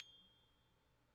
<region> pitch_keycenter=91 lokey=91 hikey=92 tune=-38 volume=39.913600 lovel=0 hivel=65 ampeg_attack=0.004000 ampeg_decay=0.7 ampeg_sustain=0.0 ampeg_release=30.000000 sample=Idiophones/Struck Idiophones/Tubular Glockenspiel/G1_quiet1.wav